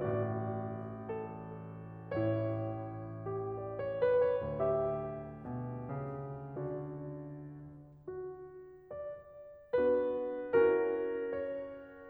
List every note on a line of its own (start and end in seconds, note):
0.00 2.10 A1
0.00 2.10 A2
0.00 1.08 F#4
0.00 2.10 D5
1.09 2.10 A4
2.12 4.40 A1
2.12 5.45 A2
2.12 3.17 E4
3.18 3.65 G4
3.66 3.95 D5
3.78 4.17 C#5
4.02 4.40 B4
4.18 4.40 C#5
4.44 8.00 D2
4.44 6.69 G4
4.44 6.69 E5
5.46 5.86 B2
5.87 6.69 C#3
6.70 8.00 D3
6.70 8.00 F#4
6.70 8.00 D5
8.01 8.90 F#4
8.92 9.76 D5
9.81 10.52 B3
9.81 10.52 D4
9.81 10.52 F#4
9.81 10.52 B4
10.54 12.09 C#4
10.54 12.09 E4
10.54 12.09 F#4
10.54 11.31 A#4
11.32 12.09 C#5